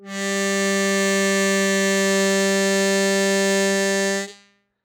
<region> pitch_keycenter=55 lokey=54 hikey=57 tune=3 volume=6.435344 trigger=attack ampeg_attack=0.004000 ampeg_release=0.100000 sample=Aerophones/Free Aerophones/Harmonica-Hohner-Super64/Sustains/Normal/Hohner-Super64_Normal _G2.wav